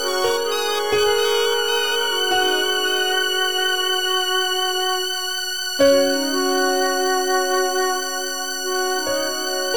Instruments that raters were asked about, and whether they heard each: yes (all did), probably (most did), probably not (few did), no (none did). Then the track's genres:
violin: probably
bass: no
ukulele: no
Experimental; Ambient